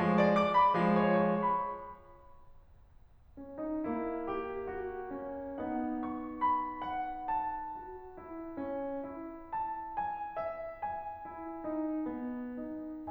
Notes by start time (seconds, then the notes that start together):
0.01 F3 G#3
0.16 D5
0.35 D6
0.54 B5
0.77 F3 G#3
1.07 C#5
1.50 C#6
1.76 B5
3.38 C#4
3.58 D#4
3.90 A#3 E4
4.29 G4
4.70 F#4
5.15 C#4
5.57 B3 D#4 F#5
6.00 C#6
6.41 B5
6.84 F#5
7.27 A5
7.71 F#4
8.16 E4
8.57 C#4
9.06 E4
9.54 A5
9.97 G#5
10.37 E5
10.83 G#5
11.29 E4
11.67 D#4
12.17 B3
12.63 D#4